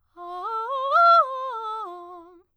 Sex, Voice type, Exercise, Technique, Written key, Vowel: female, soprano, arpeggios, fast/articulated piano, F major, a